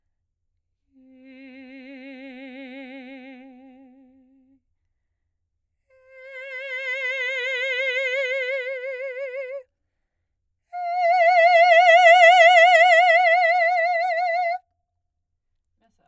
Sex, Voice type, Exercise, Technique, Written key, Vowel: female, soprano, long tones, messa di voce, , e